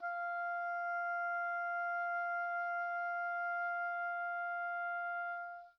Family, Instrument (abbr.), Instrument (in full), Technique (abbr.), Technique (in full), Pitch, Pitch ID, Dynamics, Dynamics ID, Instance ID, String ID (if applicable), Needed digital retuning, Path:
Winds, Ob, Oboe, ord, ordinario, F5, 77, pp, 0, 0, , FALSE, Winds/Oboe/ordinario/Ob-ord-F5-pp-N-N.wav